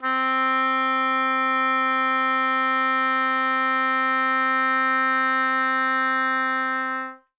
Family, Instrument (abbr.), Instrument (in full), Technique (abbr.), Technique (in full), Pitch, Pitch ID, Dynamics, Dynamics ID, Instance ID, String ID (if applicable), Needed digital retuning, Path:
Winds, Ob, Oboe, ord, ordinario, C4, 60, ff, 4, 0, , FALSE, Winds/Oboe/ordinario/Ob-ord-C4-ff-N-N.wav